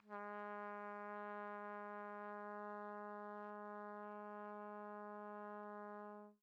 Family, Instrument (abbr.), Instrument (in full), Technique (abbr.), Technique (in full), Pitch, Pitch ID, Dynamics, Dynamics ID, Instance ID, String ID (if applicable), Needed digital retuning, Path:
Brass, TpC, Trumpet in C, ord, ordinario, G#3, 56, pp, 0, 0, , FALSE, Brass/Trumpet_C/ordinario/TpC-ord-G#3-pp-N-N.wav